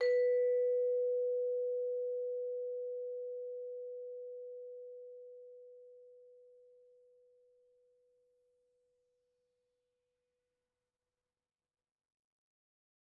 <region> pitch_keycenter=71 lokey=70 hikey=72 volume=14.935447 offset=115 lovel=0 hivel=83 ampeg_attack=0.004000 ampeg_release=15.000000 sample=Idiophones/Struck Idiophones/Vibraphone/Hard Mallets/Vibes_hard_B3_v2_rr1_Main.wav